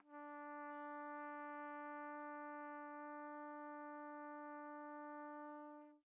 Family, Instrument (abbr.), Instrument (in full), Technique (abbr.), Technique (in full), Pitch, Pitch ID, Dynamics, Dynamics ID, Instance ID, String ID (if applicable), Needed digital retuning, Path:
Brass, TpC, Trumpet in C, ord, ordinario, D4, 62, pp, 0, 0, , TRUE, Brass/Trumpet_C/ordinario/TpC-ord-D4-pp-N-T18u.wav